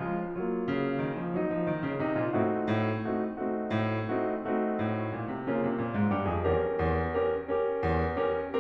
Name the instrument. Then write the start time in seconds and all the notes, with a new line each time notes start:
piano
0.00 F3 G#3 F4
0.35 F#3 A#3 F4
0.77 C#3
1.04 D#3
1.18 F3
1.35 F#3 D#4
1.50 F3
1.64 D#3
1.83 C#3
2.01 C3 D#4
2.18 A#2 F4
2.36 A2 A3 C4 D#4 F#4
2.66 A2
3.00 A3 C4 D#4 F#4
3.30 A3 C4 D#4 F#4
3.62 A2
4.12 A3 C4 D#4 F#4
4.48 A3 C4 D#4 F#4
4.77 A2
5.12 A#2
5.31 C3
5.50 C#3 A#3 C#4 F4
5.67 C3
5.80 A#2
5.98 G#2
6.11 G2 G4
6.32 F2 G#4
6.50 E2 C#4 G4 A#4
6.90 E2
7.23 C#4 G4 A#4
7.58 C#4 G4 A#4
7.88 E2
8.27 C#4 G4 A#4